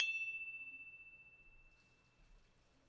<region> pitch_keycenter=88 lokey=88 hikey=89 volume=13.383984 lovel=66 hivel=99 ampeg_attack=0.004000 ampeg_decay=1.7 ampeg_sustain=0.0 ampeg_release=30.000000 sample=Idiophones/Struck Idiophones/Tubular Glockenspiel/E1_medium1.wav